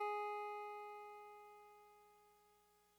<region> pitch_keycenter=56 lokey=55 hikey=58 tune=-2 volume=25.698061 lovel=0 hivel=65 ampeg_attack=0.004000 ampeg_release=0.100000 sample=Electrophones/TX81Z/Clavisynth/Clavisynth_G#2_vl1.wav